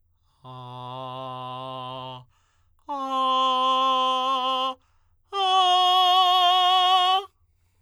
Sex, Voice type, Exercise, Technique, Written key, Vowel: male, tenor, long tones, straight tone, , a